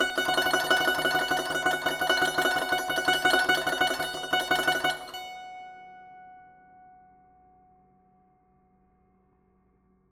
<region> pitch_keycenter=78 lokey=77 hikey=79 volume=8.143515 ampeg_attack=0.004000 ampeg_release=0.300000 sample=Chordophones/Zithers/Dan Tranh/Tremolo/F#4_Trem_1.wav